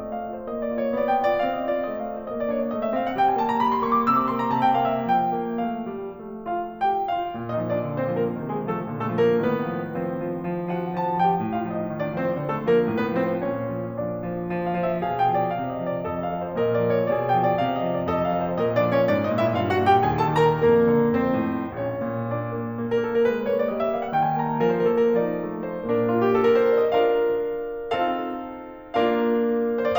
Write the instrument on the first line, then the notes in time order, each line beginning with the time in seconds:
piano
0.00 A3 D#5
0.24 F4
0.34 C5
0.46 A#3 D#5
0.63 D5
0.70 F4
0.77 C#5
0.92 A#3 D5
1.11 G5
1.21 F4
1.25 D5
1.38 C4 F5
1.52 D#5
1.59 F4
1.72 D5
1.86 A3 D#5
2.02 F5
2.09 F4
2.15 C5
2.28 A#3 D#5
2.39 D5
2.48 D4 C#5
2.58 D5
2.68 A3 D#5
2.79 E5
2.88 C4 F5
3.02 F#5
3.17 G3 G5
3.26 G#5
3.36 A#3 A5
3.47 A#5
3.62 G3 B5
3.72 C6
3.81 A#3 C#6
3.94 D6
4.03 C3 D#6
4.14 D6
4.30 A#3 C6
4.41 A#5
4.52 C3 A5
4.62 G5
4.77 A#3 F5
4.89 E5
5.09 F3 G5
5.36 A#3
5.67 A3 F5
5.87 G3
6.19 A3
6.47 F4 F5
6.85 G4 G5
7.13 F4 F5
7.37 A#2
7.56 D#4 D#5
7.64 F3
7.72 D4 D5
7.88 D3
8.01 C4 C5
8.07 F3
8.16 A#3 A#4
8.31 C3 D#3
8.54 G#3 G#4
8.60 F3
8.73 A3 A4
8.90 A#2 D3
9.02 A3 A4
9.11 F3
9.23 A#3 A#4
9.43 A2 D#3 B3 B4
9.69 F3
9.96 F3 C4 C5
10.33 F3
10.54 F3
10.73 F3 F#4 F#5
10.97 F3 A4 A5
11.19 F3 G4 G5
11.41 A2
11.58 F4 F5
11.63 F3
11.75 D#4 D#5
11.90 D#3
12.04 D4 D5
12.10 F3
12.17 C4 C5
12.32 D3
12.52 A3 A4
12.60 F3
12.67 A#3 A#4
12.81 A2
12.96 B3 B4
13.11 F3
13.17 C4 C5
13.43 A#2 C#4 C#5
13.76 F3
13.97 F3 D4 D5
14.22 F3
14.55 F3
14.71 F5
14.80 F3
14.87 E5
15.06 B2 G#4 F5
15.24 G5
15.33 F3
15.39 D5
15.53 C3 F5
15.70 D#5
15.80 F3
15.88 D5
16.10 F2 A4 D#5
16.30 F5
16.37 F3
16.46 C5
16.58 A#2 A#4 D#5
16.74 D5
16.87 F3
16.97 C#5
17.12 A#2 G#4 D5
17.28 G5
17.44 F3
17.50 D5
17.65 C3 F5
17.77 D#5
17.86 F3
17.95 D5
18.09 F2 A4 D#5
18.32 F5
18.39 F3
18.45 C5
18.60 A#2 A#4 D#5
18.75 D4 D5
18.83 F3
18.90 C#4 C#5
19.04 G#2 D4 D5
19.23 D#4 D#5
19.30 A#2
19.37 E4 E5
19.56 G2 F4 F5
19.70 F#4 F#5
19.81 A#2
19.88 G4 G5
20.05 D#2 G#4 G#5
20.21 A4 A5
20.28 D#3
20.39 A#4 A#5
20.57 F2 A#3 A#4
20.85 D3
21.18 F2 C4 C5
21.44 A2
21.79 A#1 C#4 C#5
22.08 A#2
22.29 A#3 D4 D5
22.55 A#3
22.78 A#3
22.88 A#4
22.98 A#3 A4
23.05 A#4
23.19 G#3 B4
23.36 C5
23.48 A#3 C#5
23.57 D5
23.66 G3 D#5
23.77 E5
23.87 A#3 F5
24.00 F#5
24.14 D#3 G5
24.23 G#5
24.36 D#4 A5
24.49 A#5
24.61 F3 A#4
24.73 C5
24.85 D4 A4
25.00 A#4
25.15 F3 D#4 D5
25.44 A3
25.59 C5
25.81 A#2 A#3 D4 A#4
25.97 F4
26.10 G4
26.27 A4
26.41 A#4
26.55 C5
26.68 D5
26.78 D#5
26.88 D4 F4 A#4 F5
27.95 C4 D#4 F4 A#4 F5
28.93 A#3 D4 F4 A#4 F5
29.73 C5
29.88 D5